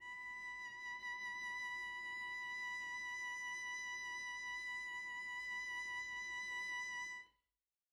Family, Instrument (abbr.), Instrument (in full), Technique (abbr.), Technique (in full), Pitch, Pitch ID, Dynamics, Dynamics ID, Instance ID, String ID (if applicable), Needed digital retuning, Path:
Strings, Vc, Cello, ord, ordinario, B5, 83, pp, 0, 0, 1, FALSE, Strings/Violoncello/ordinario/Vc-ord-B5-pp-1c-N.wav